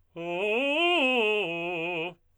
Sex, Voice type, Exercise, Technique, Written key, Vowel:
male, tenor, arpeggios, fast/articulated forte, F major, u